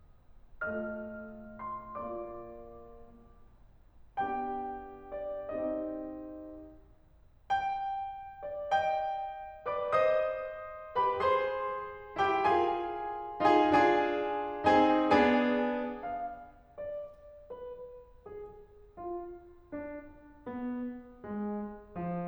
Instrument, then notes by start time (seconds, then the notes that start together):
piano
0.68 A3 F4 A4 D#5 F6
1.59 C6
1.93 A#3 F4 A#4 D5 D6
4.21 B3 D4 G4 G5 G6
5.15 D6
5.46 C4 D#4 G5 D#6
7.52 G5
8.44 D5
8.60 D#5 G5 G6
9.67 B4 D5 D6
9.97 C5 D#5 D#6
10.98 G4 B4 B5
11.17 G#4 C5 C6
12.25 E4 G4 G5
12.45 F4 G#4 G#5
13.56 D#4 F4 G#4 G#5
13.72 D4 F4 G#4 G#5
14.85 C4 D#4 G#4 G#5
15.03 B3 D4 G#4 G#5
16.16 F5
16.63 D5
17.50 B4
18.26 G#4
19.01 F4
19.75 D4
20.48 B3
21.26 G#3
21.97 F3